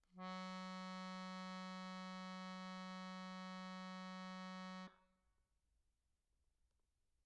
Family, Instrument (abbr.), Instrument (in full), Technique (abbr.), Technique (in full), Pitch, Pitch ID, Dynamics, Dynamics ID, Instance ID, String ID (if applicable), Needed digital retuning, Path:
Keyboards, Acc, Accordion, ord, ordinario, F#3, 54, pp, 0, 1, , FALSE, Keyboards/Accordion/ordinario/Acc-ord-F#3-pp-alt1-N.wav